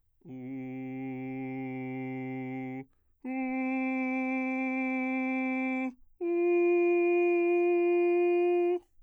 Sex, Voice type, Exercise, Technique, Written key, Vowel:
male, bass, long tones, straight tone, , u